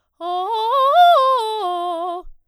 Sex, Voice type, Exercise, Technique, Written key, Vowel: female, soprano, arpeggios, fast/articulated forte, F major, o